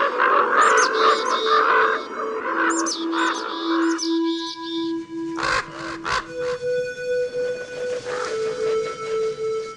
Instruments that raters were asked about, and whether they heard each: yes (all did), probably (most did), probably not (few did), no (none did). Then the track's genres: flute: probably
Glitch; IDM; Breakbeat